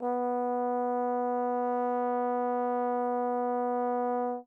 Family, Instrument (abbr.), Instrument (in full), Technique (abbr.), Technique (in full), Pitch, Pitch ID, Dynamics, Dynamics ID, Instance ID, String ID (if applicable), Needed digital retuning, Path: Brass, Tbn, Trombone, ord, ordinario, B3, 59, mf, 2, 0, , FALSE, Brass/Trombone/ordinario/Tbn-ord-B3-mf-N-N.wav